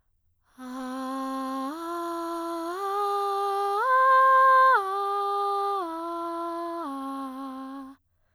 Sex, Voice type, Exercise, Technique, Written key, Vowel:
female, soprano, arpeggios, breathy, , a